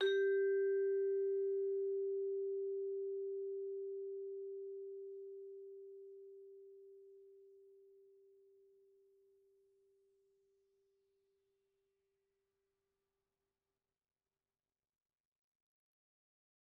<region> pitch_keycenter=67 lokey=66 hikey=69 volume=18.367152 offset=115 lovel=0 hivel=83 ampeg_attack=0.004000 ampeg_release=15.000000 sample=Idiophones/Struck Idiophones/Vibraphone/Hard Mallets/Vibes_hard_G3_v2_rr1_Main.wav